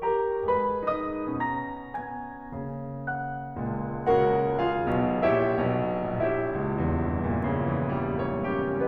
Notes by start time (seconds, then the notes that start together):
0.01 G4 A#4 A#5
0.45 G#3 G#4 B4 B5
0.94 D#4 D#5 D#6
1.38 B2 C#4 A#5 A#6
1.90 B3 G#5 G#6
2.53 C#3 A#3
3.09 F#5 F#6
3.58 C#2 A#2
4.16 C#2 C#3 F#4 A#4 F#5
4.71 F4 G#4 F5
5.02 B1 B2
5.26 A#1 A#2 E4 G4 C#5 E5
5.65 B1 B2
6.19 A#1 E4 G4 C#5 E5
6.43 C#2
6.66 E2
6.86 G2
7.11 A#2
7.41 C#3
7.67 E3
8.00 G3
8.24 A#3 C#4 C#5
8.63 E4 G4